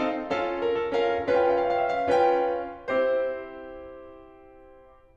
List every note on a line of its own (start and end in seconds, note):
0.00 0.30 C4
0.00 0.30 D#4
0.00 0.30 A4
0.00 0.30 F5
0.30 1.01 C#4
0.30 1.01 F4
0.30 0.62 A4
0.30 1.01 F5
0.63 0.78 A#4
0.78 1.01 A4
1.01 1.31 C#4
1.01 1.31 F4
1.01 1.31 A#4
1.01 1.31 F5
1.31 2.11 C#4
1.31 2.11 F4
1.31 2.11 B4
1.31 1.49 F5
1.39 1.60 G5
1.50 1.71 F5
1.61 1.80 G5
1.71 1.89 F5
1.80 2.01 G5
1.89 2.11 E5
2.01 2.11 F5
2.12 2.80 C#4
2.12 2.80 F4
2.12 2.80 B4
2.12 2.80 G5
2.81 5.17 C4
2.81 5.17 E4
2.81 5.17 G4
2.81 5.17 C5